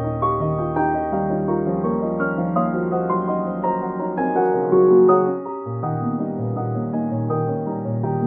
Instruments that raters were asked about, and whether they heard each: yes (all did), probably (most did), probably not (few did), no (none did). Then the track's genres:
piano: yes
Contemporary Classical; Instrumental